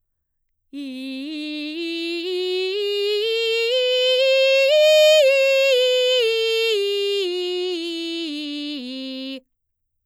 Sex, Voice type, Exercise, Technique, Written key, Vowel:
female, mezzo-soprano, scales, belt, , i